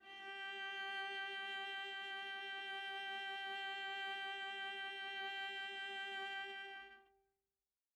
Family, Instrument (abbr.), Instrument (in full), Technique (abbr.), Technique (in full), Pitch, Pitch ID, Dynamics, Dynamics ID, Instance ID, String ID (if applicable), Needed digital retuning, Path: Strings, Va, Viola, ord, ordinario, G4, 67, mf, 2, 1, 2, FALSE, Strings/Viola/ordinario/Va-ord-G4-mf-2c-N.wav